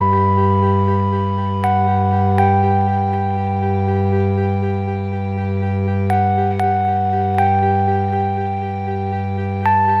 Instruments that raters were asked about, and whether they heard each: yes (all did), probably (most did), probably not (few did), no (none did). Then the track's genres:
clarinet: no
flute: no
cello: probably not
Pop; Electronic